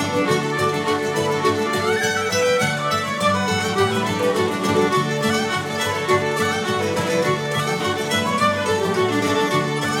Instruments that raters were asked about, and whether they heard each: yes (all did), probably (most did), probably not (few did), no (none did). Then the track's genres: violin: yes
banjo: yes
accordion: no
mandolin: probably
Celtic